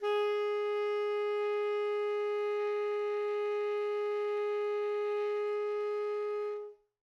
<region> pitch_keycenter=68 lokey=68 hikey=69 volume=17.640456 lovel=0 hivel=83 ampeg_attack=0.004000 ampeg_release=0.500000 sample=Aerophones/Reed Aerophones/Tenor Saxophone/Non-Vibrato/Tenor_NV_Main_G#3_vl2_rr1.wav